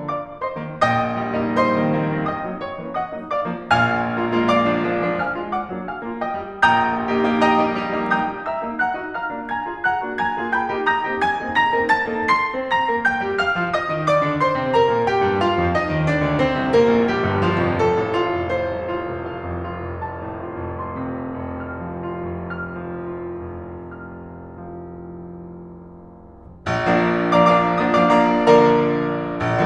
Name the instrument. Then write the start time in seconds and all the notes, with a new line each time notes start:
piano
0.00 D5 F5 D6
0.16 F3 A#3 D4
0.39 C5 D#5 C6
0.57 D#3 A#3 C4
0.78 A#1 A#2 D#5 G5 D#6
1.17 G3 A#3 D#4
1.30 G3 A#3 D#4
1.45 G3 A#3 D#4
1.59 C5 D#5 C6
1.73 D#3 A3 C4
1.90 D#3 A3 C4
2.04 D#3 A3 C4
2.25 D#5 G5 D#6
2.46 G3 A#3 D#4
2.61 C#5 E5 C#6
2.76 E3 A#3 C#4
2.94 D#5 F#5 D#6
3.15 F#3 A#3 D#4
3.31 D5 F5 D6
3.49 F3 A#3 D4
3.72 A#1 A#2 F5 G#5 F6
4.03 G#3 A#3 F4
4.16 G#3 A#3 F4
4.30 G#3 A#3 F4
4.46 D5 F5 D6
4.66 F3 A#3 D4
4.82 F3 A#3 D4
4.99 F3 A#3 D4
5.14 F5 G#5 F6
5.38 G#3 A#3 F4
5.54 D5 F#5 D6
5.72 F#3 A#3 D4
5.87 F5 G#5 F6
6.04 G#3 A#3 F4
6.22 D#5 G5 D#6
6.42 G3 A#3 D#4
6.56 A#1 A#2 G5 A#5 G6
6.90 A#3 D#4 G4
7.04 A#3 D#4 G4
7.21 A#3 D#4 G4
7.43 D#5 G5 A#5 D#6
7.58 G3 A#3 D#4
7.84 G3 A#3 D#4
7.99 G3 A#3 D#4
8.15 G5 A#5 G6
8.31 A#3 D#4 G4
8.48 E5 A#5 E6
8.66 A#3 C#4 E4
8.81 F#5 A#5 F#6
8.97 A#3 D#4 F#4
9.16 F5 A#5 F6
9.32 A#3 D4 F4
9.47 G#5 A#5 G#6
9.67 A#3 F4 G#4
9.81 F#5 A#5 F#6
10.02 A#3 D4 F#4
10.18 G#5 A#5 G#6
10.37 A#3 F4 G#4
10.52 G5 A#5 G6
10.72 A#3 D#4 G4
10.90 A#5 D#6 G6 A#6
11.04 A#3 C4 D#4 G4
11.20 G#5 G#6
11.41 A#3 C4 D#4 G#4
11.54 A#5 A#6
11.75 A#3 C4 D#4 A#4
11.90 A5 A6
12.07 A#3 C4 D#4 A4
12.24 C6 C7
12.53 C4 C5
12.75 A#5 A#6
12.88 A#3 A#4
13.07 G5 G6
13.26 G3 G4
13.39 F5 F6
13.58 F3 F4
13.77 D#5 D#6
13.90 D#3 D#4
14.07 D5 D6
14.25 D3 D4
14.41 C5 C6
14.55 C3 C4
14.71 A#4 A#5
14.90 A#2 A#3
15.07 G4 G5
15.23 G2 G3
15.37 F4 F5
15.56 F2 F3
15.73 D#4 D#5
15.88 D#2 D#3
16.06 D4 D5
16.21 D2 D3
16.39 C4 C5
16.58 C2 C3
16.73 A#3 A#4
16.93 A#1 A#2
17.10 G3 G4
17.24 G1 G2
17.40 F3 F4
17.65 F1 F2
17.80 A4
17.96 A1
18.18 F4
18.39 F1
18.59 C5
18.80 C2
18.98 F4
19.19 F1
19.33 F5
19.53 F2
19.70 F4
19.86 F1
20.09 A5
20.22 A2
20.51 F4
20.68 F1
21.13 C6
21.41 C3
21.64 F4
21.90 F1
22.31 F6
22.53 F3
22.74 F4
23.06 F1
23.24 F6
23.86 F3
24.16 F4
24.43 F1
24.74 F6
25.11 F3
25.83 F1
26.78 F3 A#3 D4
27.24 F3 A#3 D4 D5 F5 A#5 D6
27.39 F3 A#3 D4 D5 F5 A#5 D6
27.72 F3 A#3 D4 D5 F5 A#5 D#6
27.96 F3 A#3 D4 D5 F5 A#5 D6
28.14 F3 A#3 D4 D5 F5 A#5 D6
28.56 D3 F3 A#3 A#4 D5 F5 A#5
29.48 A#1